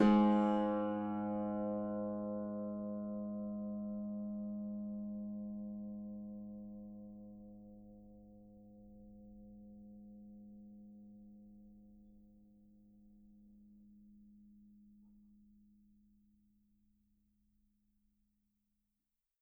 <region> pitch_keycenter=44 lokey=44 hikey=45 tune=-11 volume=7.315274 xfin_lovel=70 xfin_hivel=100 ampeg_attack=0.004000 ampeg_release=30.000000 sample=Chordophones/Composite Chordophones/Folk Harp/Harp_Normal_G#1_v3_RR1.wav